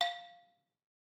<region> pitch_keycenter=77 lokey=75 hikey=80 volume=10.504588 offset=185 lovel=100 hivel=127 ampeg_attack=0.004000 ampeg_release=30.000000 sample=Idiophones/Struck Idiophones/Balafon/Hard Mallet/EthnicXylo_hardM_F4_vl3_rr1_Mid.wav